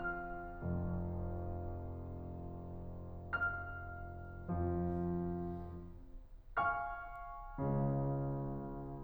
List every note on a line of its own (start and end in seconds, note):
0.00 2.54 F6
0.62 3.41 F1
0.62 3.41 F2
3.12 4.20 F5
3.12 4.20 F6
4.23 5.04 F2
4.23 5.04 F3
5.96 6.90 F5
5.96 6.90 G#5
5.96 6.90 C#6
5.96 6.90 F6
7.59 8.66 C#2
7.59 8.66 C#3